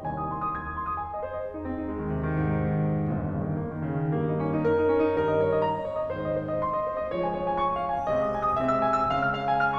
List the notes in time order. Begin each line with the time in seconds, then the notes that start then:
0.00 C2 D#2 C3 G#5
0.14 D#6
0.26 C6
0.41 D#6
0.53 G#6
0.66 D#6
0.77 C6
0.86 D#6
0.98 G#5
1.13 D#5
1.24 C5
1.34 D#5
1.44 G#4
1.54 D#4
1.72 C4
1.86 D#4
1.90 G#3
2.00 D#3
2.10 C3
2.25 D#3
2.61 G#2
2.73 D#3
2.89 C3
3.00 D#3
3.12 G1 D#2 G2 A#2
3.23 D#3
3.33 C#3
3.47 D#3
3.60 A#3
3.75 D#3
3.85 C#3
3.99 D#3
4.12 G2 D#3 G3 A#3
4.26 D#4
4.38 C#4
4.50 D#4
4.66 A#4
4.78 D#4
4.89 C#4
5.02 D#4
5.15 G2 D#3 G3 A#4
5.27 D#5
5.39 C#5
5.48 D#5
5.62 A#5
5.78 D#5
5.90 C#5
6.03 D#5
6.13 G#2 D#3 G#3 C5
6.26 D#5
6.37 C5
6.51 D#5
6.61 C6
6.73 D#5
6.85 C5
6.98 D#5
7.12 F3 G#3 F4 C#5
7.21 G#5
7.29 C#5
7.40 G#5
7.49 C#6
7.67 G#5
7.83 F5
7.98 G#5
8.08 C3 G#3 C4 D#5
8.22 D#6
8.36 G#5
8.45 D#6
8.59 C3 G#3 C4 E5
8.71 E6
8.82 G#5
8.96 E6
9.07 C#3 G#3 C#4 F5
9.20 F6
9.31 F5
9.46 G#5
9.58 F6